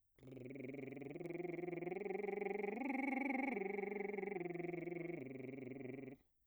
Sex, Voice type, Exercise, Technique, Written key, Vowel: male, bass, arpeggios, lip trill, , a